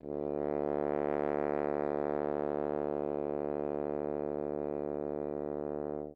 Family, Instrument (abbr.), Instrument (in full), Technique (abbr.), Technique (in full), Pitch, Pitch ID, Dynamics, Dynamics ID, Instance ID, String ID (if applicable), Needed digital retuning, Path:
Brass, Hn, French Horn, ord, ordinario, D2, 38, ff, 4, 0, , FALSE, Brass/Horn/ordinario/Hn-ord-D2-ff-N-N.wav